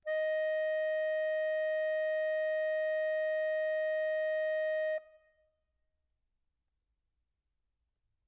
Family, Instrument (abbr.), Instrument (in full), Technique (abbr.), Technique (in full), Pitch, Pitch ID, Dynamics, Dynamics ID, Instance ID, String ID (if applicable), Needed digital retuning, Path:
Keyboards, Acc, Accordion, ord, ordinario, D#5, 75, mf, 2, 2, , FALSE, Keyboards/Accordion/ordinario/Acc-ord-D#5-mf-alt2-N.wav